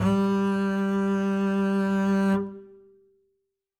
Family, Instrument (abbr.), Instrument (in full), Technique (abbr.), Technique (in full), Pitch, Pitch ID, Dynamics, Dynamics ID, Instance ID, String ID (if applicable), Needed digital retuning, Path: Strings, Cb, Contrabass, ord, ordinario, G3, 55, ff, 4, 1, 2, TRUE, Strings/Contrabass/ordinario/Cb-ord-G3-ff-2c-T22u.wav